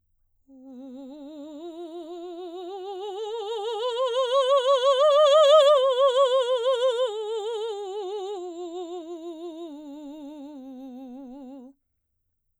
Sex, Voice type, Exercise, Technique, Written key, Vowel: female, soprano, scales, vibrato, , u